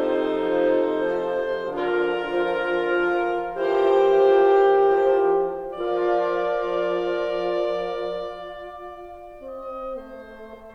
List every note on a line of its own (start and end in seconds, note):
0.00 1.73 C3
0.00 0.79 F3
0.00 0.80 F3
0.00 1.72 D#4
0.00 1.73 D#4
0.00 1.72 A4
0.00 1.72 C5
0.00 1.73 C5
0.80 1.32 F3
0.80 1.34 C4
1.34 1.72 F3
1.34 1.73 F3
1.73 3.42 D3
1.73 2.30 F3
1.73 2.31 D4
1.73 3.41 F4
1.73 3.42 F4
1.73 3.41 A#4
1.73 3.42 A#4
2.31 2.86 F3
2.31 2.87 F3
2.87 3.41 F3
2.87 3.42 F3
2.87 3.90 A#4
3.42 5.78 E3
3.42 3.90 F3
3.42 3.91 E4
3.42 5.77 G4
3.42 5.78 G4
3.42 5.77 A#4
3.42 5.78 C5
3.91 4.52 F3
3.91 5.77 C5
4.52 5.77 F3
4.52 5.78 F3
5.78 10.75 F3
5.78 10.75 F4
5.78 10.75 A#4
5.78 10.75 D5